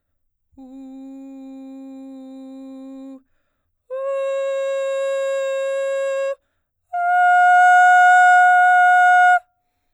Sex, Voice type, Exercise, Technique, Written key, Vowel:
female, soprano, long tones, straight tone, , u